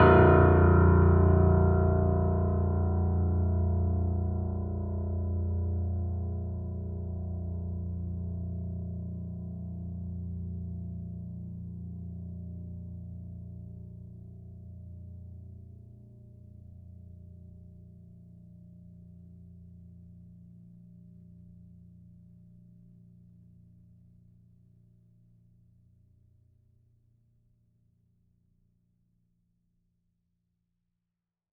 <region> pitch_keycenter=22 lokey=21 hikey=23 volume=0.065465 lovel=66 hivel=99 locc64=65 hicc64=127 ampeg_attack=0.004000 ampeg_release=0.400000 sample=Chordophones/Zithers/Grand Piano, Steinway B/Sus/Piano_Sus_Close_A#0_vl3_rr1.wav